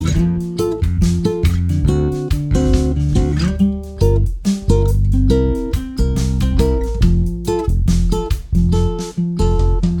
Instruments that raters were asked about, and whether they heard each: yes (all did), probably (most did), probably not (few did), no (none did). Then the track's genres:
bass: probably
Post-Rock; Indie-Rock; Shoegaze